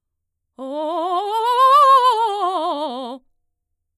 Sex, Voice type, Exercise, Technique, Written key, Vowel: female, mezzo-soprano, scales, fast/articulated forte, C major, o